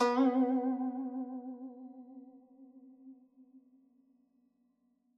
<region> pitch_keycenter=59 lokey=58 hikey=60 volume=7.396207 lovel=0 hivel=83 ampeg_attack=0.004000 ampeg_release=0.300000 sample=Chordophones/Zithers/Dan Tranh/Vibrato/B2_vib_mf_1.wav